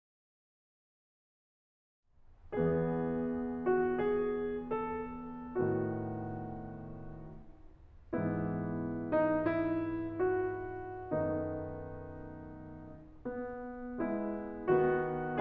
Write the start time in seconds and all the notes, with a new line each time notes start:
2.14 E2 E3 B3 G#4
3.68 F#4
3.99 G#4
4.64 A4
5.57 A2 D#3 B3 F#4
8.13 G#2 E3 B3 E4
9.12 D#4
9.39 E4
10.23 F#4
11.12 F#2 D#3 A3 B3 D#4
13.07 B3
14.02 G#3 B3 E4
14.79 D#3 B3 F#4